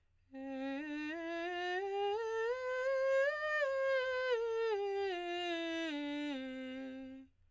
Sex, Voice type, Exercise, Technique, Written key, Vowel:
female, soprano, scales, straight tone, , e